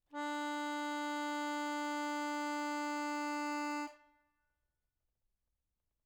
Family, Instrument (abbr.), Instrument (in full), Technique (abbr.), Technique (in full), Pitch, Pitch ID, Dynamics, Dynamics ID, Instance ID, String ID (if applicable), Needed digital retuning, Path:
Keyboards, Acc, Accordion, ord, ordinario, D4, 62, mf, 2, 3, , FALSE, Keyboards/Accordion/ordinario/Acc-ord-D4-mf-alt3-N.wav